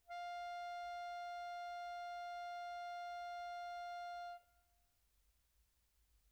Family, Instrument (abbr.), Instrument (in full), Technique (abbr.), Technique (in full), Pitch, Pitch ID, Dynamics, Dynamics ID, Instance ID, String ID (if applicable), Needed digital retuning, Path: Keyboards, Acc, Accordion, ord, ordinario, F5, 77, pp, 0, 1, , FALSE, Keyboards/Accordion/ordinario/Acc-ord-F5-pp-alt1-N.wav